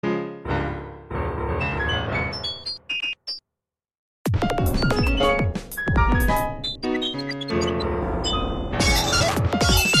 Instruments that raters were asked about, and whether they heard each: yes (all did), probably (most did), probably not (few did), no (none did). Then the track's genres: piano: probably
Electronic; Noise; Experimental